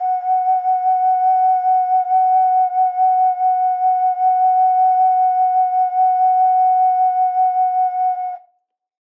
<region> pitch_keycenter=78 lokey=78 hikey=79 tune=-4 volume=-1.163715 trigger=attack ampeg_attack=0.004000 ampeg_release=0.200000 sample=Aerophones/Edge-blown Aerophones/Ocarina, Typical/Sustains/SusVib/StdOcarina_SusVib_F#4.wav